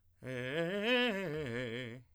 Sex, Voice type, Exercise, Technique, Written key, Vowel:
male, tenor, arpeggios, fast/articulated piano, C major, e